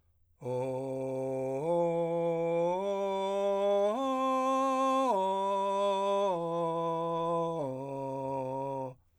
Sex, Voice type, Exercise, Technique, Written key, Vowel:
male, , arpeggios, straight tone, , o